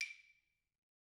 <region> pitch_keycenter=61 lokey=61 hikey=61 volume=14.402755 offset=188 lovel=66 hivel=99 ampeg_attack=0.004000 ampeg_release=15.000000 sample=Idiophones/Struck Idiophones/Claves/Claves2_Hit_v2_rr1_Mid.wav